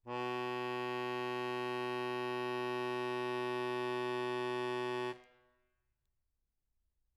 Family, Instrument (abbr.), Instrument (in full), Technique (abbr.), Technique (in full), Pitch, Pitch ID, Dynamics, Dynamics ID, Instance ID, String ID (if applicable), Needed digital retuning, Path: Keyboards, Acc, Accordion, ord, ordinario, B2, 47, mf, 2, 2, , FALSE, Keyboards/Accordion/ordinario/Acc-ord-B2-mf-alt2-N.wav